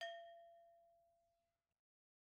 <region> pitch_keycenter=67 lokey=67 hikey=67 volume=15.947215 offset=267 lovel=0 hivel=83 ampeg_attack=0.004000 ampeg_release=10.000000 sample=Idiophones/Struck Idiophones/Brake Drum/BrakeDrum2_Susp_v1_rr1_Mid.wav